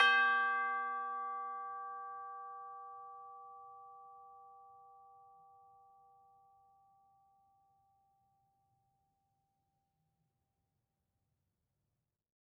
<region> pitch_keycenter=67 lokey=67 hikey=68 volume=16.013352 lovel=0 hivel=83 ampeg_attack=0.004000 ampeg_release=30.000000 sample=Idiophones/Struck Idiophones/Tubular Bells 2/TB_hit_G4_v2_1.wav